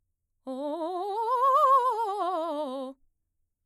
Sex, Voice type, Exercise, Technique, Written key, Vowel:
female, mezzo-soprano, scales, fast/articulated piano, C major, o